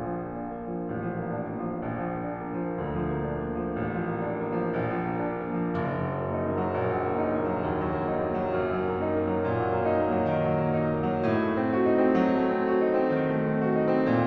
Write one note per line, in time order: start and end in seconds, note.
0.00 0.92 A#1
0.00 5.78 A#2
0.16 0.43 F3
0.30 0.57 A#3
0.44 0.74 D4
0.60 0.92 A#3
0.75 1.06 F3
0.94 1.82 A1
1.07 1.32 F3
1.22 1.52 A#3
1.36 1.68 D4
1.57 1.82 A#3
1.70 1.97 F3
1.85 2.77 A#1
2.01 2.30 F3
2.18 2.47 A#3
2.31 2.66 D4
2.50 2.77 A#3
2.67 2.94 F3
2.80 3.74 D2
3.04 3.32 F3
3.20 3.42 A#3
3.33 3.61 D4
3.45 3.74 A#3
3.62 3.91 F3
3.76 4.82 A1
3.92 4.31 F3
4.16 4.52 A#3
4.32 4.68 D4
4.53 4.82 A#3
4.69 4.97 F3
4.83 5.78 A#1
4.99 5.29 F3
5.18 5.47 A#3
5.34 5.62 D4
5.49 5.78 A#3
5.65 5.79 F3
5.79 8.54 F#1
5.98 6.36 F#3
6.15 6.51 A#3
6.39 6.68 D#4
6.52 6.85 A#3
6.71 6.98 F#3
6.86 7.69 A#1
7.00 7.27 F#3
7.15 7.40 A#3
7.29 7.55 D#4
7.41 7.69 A#3
7.57 7.84 F#3
7.70 8.54 D#2
7.86 8.09 F#3
7.99 8.24 A#3
8.13 8.38 D#4
8.25 8.54 A#3
8.41 8.67 F#3
8.56 11.22 F#2
8.72 8.96 F#3
8.85 9.14 A#3
8.99 9.28 D#4
9.15 9.44 A#3
9.29 9.56 F#3
9.45 10.29 A#2
9.57 9.83 F#3
9.71 9.98 A#3
9.85 10.15 D#4
10.01 10.29 A#3
10.16 10.44 F#3
10.31 11.22 D#3
10.45 10.73 F#3
10.59 10.90 A#3
10.74 11.08 D#4
10.92 11.22 A#3
11.09 11.25 F#3
11.26 14.11 A2
11.40 11.70 A3
11.58 11.84 C4
11.71 12.03 F#4
11.88 12.20 D#4
12.04 12.35 C4
12.23 14.11 F#3
12.39 12.70 A3
12.54 12.86 C4
12.71 13.01 F#4
12.89 13.19 D#4
13.04 13.33 C4
13.21 14.11 D#3
13.34 13.63 A3
13.48 13.79 C4
13.66 13.98 F#4
13.82 14.11 D#4
13.99 14.26 C4
14.13 14.27 A#2